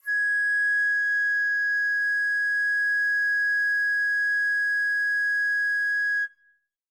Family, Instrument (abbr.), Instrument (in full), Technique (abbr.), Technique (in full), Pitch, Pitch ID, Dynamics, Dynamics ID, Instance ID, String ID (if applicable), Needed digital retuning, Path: Winds, Fl, Flute, ord, ordinario, G#6, 92, mf, 2, 0, , TRUE, Winds/Flute/ordinario/Fl-ord-G#6-mf-N-T14d.wav